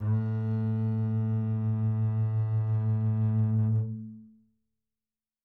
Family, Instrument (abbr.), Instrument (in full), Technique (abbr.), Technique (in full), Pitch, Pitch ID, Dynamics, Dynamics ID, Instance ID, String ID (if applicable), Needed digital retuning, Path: Strings, Cb, Contrabass, ord, ordinario, A2, 45, mf, 2, 3, 4, FALSE, Strings/Contrabass/ordinario/Cb-ord-A2-mf-4c-N.wav